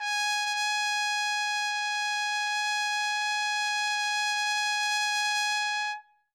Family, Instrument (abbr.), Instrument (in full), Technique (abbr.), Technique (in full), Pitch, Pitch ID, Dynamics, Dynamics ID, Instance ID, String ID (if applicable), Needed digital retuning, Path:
Brass, TpC, Trumpet in C, ord, ordinario, G#5, 80, ff, 4, 0, , FALSE, Brass/Trumpet_C/ordinario/TpC-ord-G#5-ff-N-N.wav